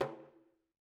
<region> pitch_keycenter=65 lokey=65 hikey=65 volume=14.308959 offset=2 lovel=84 hivel=127 seq_position=1 seq_length=2 ampeg_attack=0.004000 ampeg_release=15.000000 sample=Membranophones/Struck Membranophones/Frame Drum/HDrumS_HitMuted_v3_rr1_Sum.wav